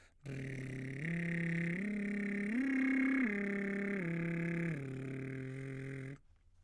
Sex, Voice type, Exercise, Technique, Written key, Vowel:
male, baritone, arpeggios, lip trill, , i